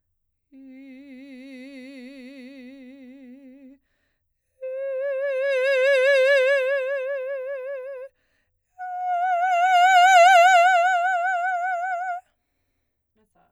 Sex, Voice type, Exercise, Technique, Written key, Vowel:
female, soprano, long tones, messa di voce, , i